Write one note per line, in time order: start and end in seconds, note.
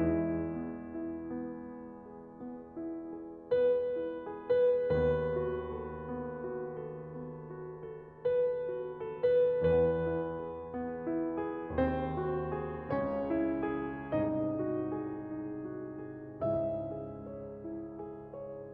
0.00 4.83 E2
0.00 4.83 E3
0.00 0.93 G#3
0.56 1.32 B3
0.94 1.32 E4
1.34 2.11 B3
1.74 2.47 E4
2.12 2.87 G#4
2.48 3.24 B3
2.88 3.58 E4
3.25 3.98 G#4
3.59 4.37 B3
3.59 4.47 B4
3.99 4.83 E4
4.38 4.83 G#4
4.50 4.83 B4
4.84 9.51 D#2
4.84 9.51 D#3
4.84 5.69 B3
4.84 8.31 B4
5.34 6.04 F#4
5.70 6.43 A4
6.05 6.79 B3
6.44 7.09 F#4
6.80 7.48 A4
7.11 7.88 B3
7.49 8.31 F#4
7.89 8.68 A4
8.32 9.07 B3
8.32 9.18 B4
8.70 9.51 F#4
9.08 9.51 A4
9.18 9.51 B4
9.52 11.67 E2
9.52 11.67 E3
9.52 10.25 B3
9.52 11.67 B4
9.93 10.63 E4
10.26 11.06 G#4
10.65 11.38 B3
11.08 11.67 E4
11.39 12.18 G#4
11.69 12.91 D#2
11.69 12.91 D#3
11.69 12.56 C4
11.69 12.91 C5
12.19 12.91 F#4
12.57 13.26 G#4
12.92 14.09 C#2
12.92 14.09 C#3
12.92 13.63 C#4
12.92 14.09 C#5
13.27 14.09 E4
13.64 14.09 G#4
14.11 16.40 C2
14.11 16.40 G#2
14.11 16.40 C3
14.11 14.94 D#4
14.11 16.40 D#5
14.55 15.30 F#4
14.95 15.69 G#4
15.31 16.04 D#4
15.70 16.40 F#4
16.06 16.86 G#4
16.40 18.72 C#2
16.40 18.72 G#2
16.40 18.72 C#3
16.40 17.29 E4
16.40 18.72 E5
16.87 17.67 G#4
17.30 18.00 C#5
17.68 18.33 E4
18.01 18.72 G#4
18.34 18.72 C#5